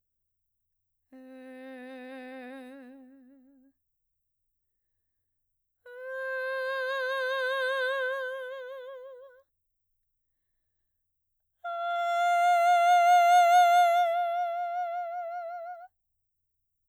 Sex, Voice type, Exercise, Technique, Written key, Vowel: female, mezzo-soprano, long tones, messa di voce, , e